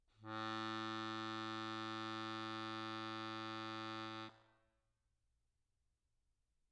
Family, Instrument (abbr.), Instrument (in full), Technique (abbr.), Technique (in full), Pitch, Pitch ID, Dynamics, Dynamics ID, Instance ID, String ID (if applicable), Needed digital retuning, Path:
Keyboards, Acc, Accordion, ord, ordinario, A2, 45, mf, 2, 2, , FALSE, Keyboards/Accordion/ordinario/Acc-ord-A2-mf-alt2-N.wav